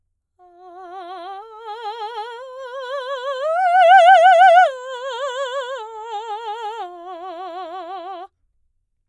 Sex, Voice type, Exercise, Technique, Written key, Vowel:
female, soprano, arpeggios, slow/legato piano, F major, a